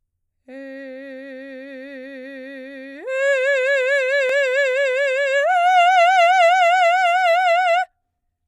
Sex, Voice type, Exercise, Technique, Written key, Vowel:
female, soprano, long tones, full voice forte, , e